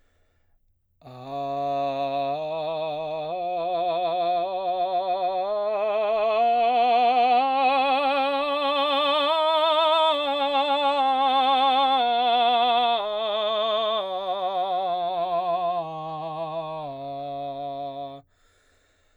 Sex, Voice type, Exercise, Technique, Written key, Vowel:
male, baritone, scales, slow/legato forte, C major, a